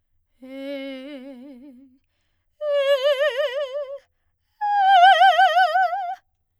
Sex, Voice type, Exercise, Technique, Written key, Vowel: female, soprano, long tones, trill (upper semitone), , e